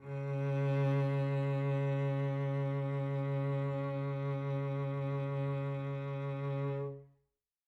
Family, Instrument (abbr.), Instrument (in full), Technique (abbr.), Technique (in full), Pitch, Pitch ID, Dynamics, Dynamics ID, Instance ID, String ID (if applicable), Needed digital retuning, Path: Strings, Vc, Cello, ord, ordinario, C#3, 49, mf, 2, 3, 4, FALSE, Strings/Violoncello/ordinario/Vc-ord-C#3-mf-4c-N.wav